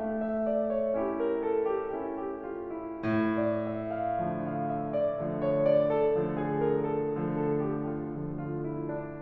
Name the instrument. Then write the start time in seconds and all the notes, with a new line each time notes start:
piano
0.01 A3
0.30 E5
0.52 D5
0.75 C#5
0.97 C#4 E4 G4
1.19 A#4
1.38 A4
1.69 G4
1.99 C#4 E4
2.19 G4
2.46 F4
2.75 E4
3.06 A2
3.34 D5
3.63 E5
4.03 F5
4.27 D3 F3 A3
4.49 F5
4.67 E5
4.96 D5
5.33 D3 F3 A3
5.58 C#5
5.82 D5
6.09 A4
6.29 D3 F3 A3
6.50 G#4
6.68 A#4
6.91 A4
7.12 D3 F3 A3
7.40 A4
7.68 G4
7.89 F4
8.11 D3 F3 A3
8.36 F4
8.70 E4
9.03 D4